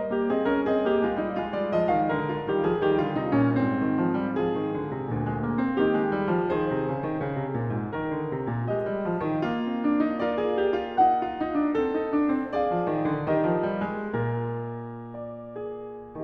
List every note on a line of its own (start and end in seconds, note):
0.00 0.30 D#5
0.14 0.31 A#3
0.14 0.34 G4
0.31 0.45 C4
0.31 0.48 G#4
0.31 0.64 D#5
0.45 0.64 C#4
0.45 0.68 A#4
0.64 0.82 C4
0.68 0.87 G#4
0.68 1.40 D#5
0.82 0.99 A#3
0.87 1.02 G4
0.99 1.16 G#3
0.99 1.20 F4
1.16 1.37 G3
1.16 1.40 D#4
1.37 2.48 G#3
1.37 2.31 F4
1.53 1.73 G3
1.53 1.76 D5
1.73 1.93 F3
1.73 1.99 D#5
1.93 2.15 D#3
1.99 2.17 F5
2.15 2.48 D3
2.15 4.45 A#4
2.33 2.53 F4
2.48 2.61 D#3
2.48 2.61 G3
2.53 2.65 G4
2.61 2.77 F3
2.61 2.82 G#4
2.77 2.96 D#3
2.77 3.82 G3
2.82 3.01 G4
2.96 3.16 D3
3.01 3.20 F4
3.16 3.36 C3
3.20 3.40 D#4
3.36 3.59 A#2
3.40 3.65 C#4
3.59 5.11 G#2
3.65 4.45 C4
3.82 4.03 D#3
4.03 4.21 F3
4.21 4.40 G3
4.40 4.59 F3
4.45 5.79 F4
4.45 5.79 G#4
4.59 4.76 D#3
4.76 4.91 D3
4.91 5.11 C3
5.11 5.33 D2
5.11 5.27 A#2
5.27 5.46 G#3
5.46 5.61 A#3
5.61 5.76 C4
5.76 6.50 D#3
5.76 5.93 A#3
5.76 6.57 D#4
5.76 6.57 G4
5.93 6.12 G#3
6.12 6.29 G3
6.29 6.54 F3
6.57 8.74 G#4
6.57 7.98 C5
6.71 6.88 C3
6.88 7.05 C#3
7.05 7.17 D#3
7.17 7.35 C#3
7.35 7.51 C3
7.51 7.72 A#2
7.72 7.94 G#2
7.94 8.12 D#3
7.94 8.74 A#4
8.12 8.31 D3
8.31 8.50 C3
8.50 8.71 A#2
8.71 8.89 G#3
8.71 9.47 G4
8.71 10.29 D#5
8.89 9.03 G3
9.03 9.23 F3
9.23 9.40 D#3
9.40 12.52 A#3
9.47 10.29 F4
9.61 9.83 C4
9.83 10.03 D4
10.03 10.24 D#4
10.24 10.43 F4
10.29 11.77 A#4
10.29 10.99 D5
10.43 10.59 G#4
10.59 10.73 G4
10.73 10.96 F4
10.96 11.22 D#4
10.96 12.55 F#5
11.22 11.38 F4
11.38 11.54 D#4
11.54 11.74 D4
11.74 11.91 C4
11.74 12.55 A4
11.91 12.10 D#4
12.10 12.32 D4
12.32 12.52 C4
12.52 12.71 A#3
12.52 13.31 G#4
12.52 13.35 D5
12.52 13.35 F5
12.71 12.92 F3
12.92 13.12 D#3
13.12 13.31 D3
13.31 13.49 D#3
13.31 14.18 G4
13.35 14.23 A#4
13.35 15.20 D#5
13.49 13.72 F3
13.72 13.93 G3
13.93 14.18 G#3
14.18 16.21 A#2
14.18 16.21 F4
14.23 15.62 A#4
15.20 16.24 D5
15.62 16.24 G#4
16.21 16.24 D#3